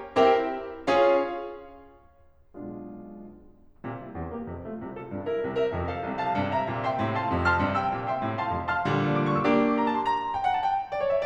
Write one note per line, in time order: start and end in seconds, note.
0.16 0.53 C4
0.16 0.53 E4
0.16 0.53 G4
0.16 0.53 A#4
0.16 0.53 E5
0.16 0.53 G5
0.84 1.27 C#4
0.84 1.27 F4
0.84 1.27 G#4
0.84 1.27 C#5
0.84 1.27 F5
2.41 2.75 B1
2.41 2.75 B2
2.41 2.75 G#3
2.41 2.75 D4
2.41 2.75 F4
3.88 4.20 A#2
3.88 4.20 C3
4.05 4.35 G3
4.05 4.35 E4
4.21 4.50 E2
4.21 4.50 C3
4.35 4.67 A#3
4.35 4.67 G4
4.50 4.83 F2
4.50 4.83 C3
4.67 4.99 A3
4.67 4.99 F4
4.83 5.15 C2
4.83 5.15 C3
4.99 5.28 F4
4.99 5.28 A4
5.15 5.43 G2
5.15 5.43 C3
5.29 5.57 E4
5.29 5.57 A#4
5.45 5.74 C2
5.45 5.74 C3
5.58 5.89 A#4
5.58 5.89 E5
5.75 6.03 F2
5.75 6.03 C3
5.90 6.21 A4
5.90 6.21 F5
6.04 6.37 C2
6.04 6.37 C3
6.21 6.54 F5
6.21 6.54 A5
6.37 6.69 G2
6.37 6.69 C3
6.54 6.86 E5
6.54 6.86 A#5
6.69 7.02 A#2
6.69 7.02 C3
6.86 7.17 E5
6.86 7.17 G5
6.86 7.17 C6
7.02 7.30 A2
7.02 7.30 C3
7.17 7.42 F5
7.17 7.42 A5
7.17 7.42 C6
7.30 7.57 F2
7.30 7.57 C3
7.43 7.77 A5
7.43 7.77 C6
7.43 7.77 F6
7.58 7.92 G2
7.58 7.92 C3
7.78 8.05 G5
7.78 8.05 C6
7.78 8.05 E6
7.93 8.22 A#2
7.93 8.22 C3
8.06 8.42 E5
8.06 8.42 G5
8.06 8.42 C6
8.22 8.56 A2
8.22 8.56 C3
8.42 8.73 F5
8.42 8.73 A5
8.42 8.73 C6
8.56 8.95 F2
8.56 8.95 C3
8.73 8.95 A5
8.73 8.95 C6
8.73 8.95 F6
8.95 9.25 A#2
8.95 9.25 D3
8.95 9.25 G3
9.28 9.37 D6
9.38 9.46 C#6
9.46 9.56 E6
9.57 9.86 A#3
9.57 9.86 D4
9.57 9.86 G4
9.57 9.86 D6
9.87 9.97 A#5
9.97 10.05 A5
10.07 10.16 C6
10.16 10.41 A#5
10.41 10.48 G5
10.48 10.55 F#5
10.57 10.65 A5
10.65 10.90 G5
10.91 11.02 D5
11.03 11.13 C#5
11.13 11.25 E5